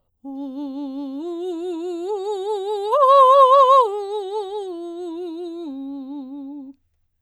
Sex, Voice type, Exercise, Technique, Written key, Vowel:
female, soprano, arpeggios, vibrato, , u